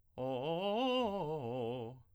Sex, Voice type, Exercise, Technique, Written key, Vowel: male, tenor, arpeggios, fast/articulated piano, C major, o